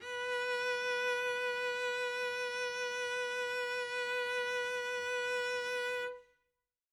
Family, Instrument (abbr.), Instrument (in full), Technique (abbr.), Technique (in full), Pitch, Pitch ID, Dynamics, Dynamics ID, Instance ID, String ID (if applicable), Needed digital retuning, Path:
Strings, Vc, Cello, ord, ordinario, B4, 71, mf, 2, 0, 1, FALSE, Strings/Violoncello/ordinario/Vc-ord-B4-mf-1c-N.wav